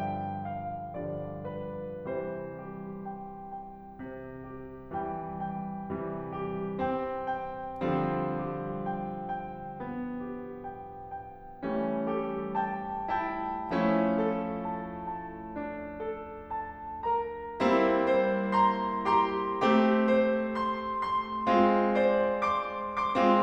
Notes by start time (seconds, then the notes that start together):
0.00 G2 D3 F3 G3 G5
0.45 F5
1.04 D3 F3 G3 D5
1.51 B4
2.10 C3 E3 G3 C5
2.64 G4
3.12 G5
3.52 G5
4.20 C3
4.83 G4
5.13 E3 G3 G5
5.43 G5
5.98 C3 E3 G3
6.46 G4
6.82 C4 G5
7.34 G5
7.92 D3 F3 G3 C4
8.49 G4
8.85 G5
9.33 G5
9.78 B3
10.38 G4
10.79 G5
11.11 G5
11.64 E3 G3 C#4
12.11 G4 A4
12.62 G5 A5
13.21 E4 G5 A5
13.73 F3 A3 C#4 E4
14.23 A4
14.59 A5
15.00 A5
15.55 D4
16.03 A4
16.50 A5
17.06 A#4 A#5
17.61 G3 A#3 C4 E4
18.12 C5
18.53 A#5 C6
19.19 G4 A#5 C6
19.64 A3 C4 G4
20.06 C5
20.61 C6
20.99 C6
21.51 G#3 C4 F4
22.04 C5 D5
22.44 C6 D6
22.83 C6 D6
23.16 G#3 C4 F4